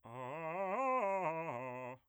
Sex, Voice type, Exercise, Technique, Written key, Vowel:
male, bass, arpeggios, fast/articulated piano, C major, a